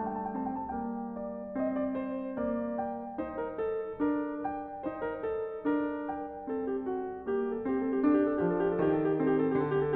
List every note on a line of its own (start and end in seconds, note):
0.00 0.77 G3
0.00 0.34 A3
0.09 0.23 G5
0.23 0.35 A5
0.34 0.77 C4
0.34 0.56 G5
0.56 0.71 A5
0.71 1.17 G5
0.77 8.36 G3
0.77 1.54 A#3
1.17 1.54 D5
1.54 2.35 C4
1.54 1.79 D#5
1.79 2.00 D5
2.00 2.35 C5
2.35 3.24 A#3
2.35 2.82 D5
2.82 3.24 G5
3.24 4.13 D#4
3.24 3.44 C5
3.44 3.58 A#4
3.58 4.13 A4
4.13 4.85 D4
4.13 4.48 A#4
4.48 4.85 G5
4.85 5.63 D#4
4.85 4.93 C5
4.93 5.25 A#4
5.25 5.63 A4
5.63 6.50 D4
5.63 6.10 A#4
6.10 6.50 G5
6.50 7.22 C4
6.50 6.75 A4
6.75 6.88 G4
6.88 7.22 F#4
7.22 7.70 A#3
7.22 7.51 A4
7.51 7.62 G4
7.62 7.71 A4
7.70 8.00 C4
7.70 7.85 G4
7.85 7.94 A4
7.94 8.06 G4
8.00 9.16 D4
8.06 8.19 A4
8.19 8.30 G4
8.30 8.68 A4
8.36 8.86 F3
8.68 8.75 G4
8.75 8.87 A4
8.86 9.54 D#3
8.86 8.95 G4
8.95 9.06 A4
9.06 9.20 G4
9.16 9.96 C4
9.16 9.28 A4
9.28 9.52 G4
9.52 9.96 D3
9.52 9.69 A4
9.69 9.83 G4
9.83 9.96 A4